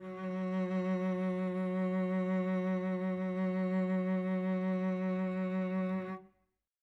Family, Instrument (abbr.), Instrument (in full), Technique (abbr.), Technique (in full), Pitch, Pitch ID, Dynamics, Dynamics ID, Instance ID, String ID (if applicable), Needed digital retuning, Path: Strings, Vc, Cello, ord, ordinario, F#3, 54, mf, 2, 3, 4, TRUE, Strings/Violoncello/ordinario/Vc-ord-F#3-mf-4c-T15u.wav